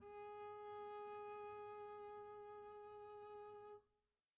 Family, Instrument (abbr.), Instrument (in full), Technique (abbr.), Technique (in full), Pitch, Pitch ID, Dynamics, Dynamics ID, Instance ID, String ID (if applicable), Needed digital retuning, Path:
Strings, Cb, Contrabass, ord, ordinario, G#4, 68, pp, 0, 0, 1, TRUE, Strings/Contrabass/ordinario/Cb-ord-G#4-pp-1c-T22u.wav